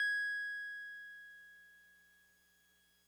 <region> pitch_keycenter=92 lokey=91 hikey=94 volume=21.299079 lovel=0 hivel=65 ampeg_attack=0.004000 ampeg_release=0.100000 sample=Electrophones/TX81Z/Piano 1/Piano 1_G#5_vl1.wav